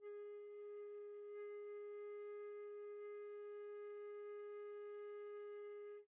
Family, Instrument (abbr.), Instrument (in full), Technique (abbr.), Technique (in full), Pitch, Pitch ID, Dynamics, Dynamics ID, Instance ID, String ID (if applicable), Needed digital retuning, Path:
Winds, Fl, Flute, ord, ordinario, G#4, 68, pp, 0, 0, , FALSE, Winds/Flute/ordinario/Fl-ord-G#4-pp-N-N.wav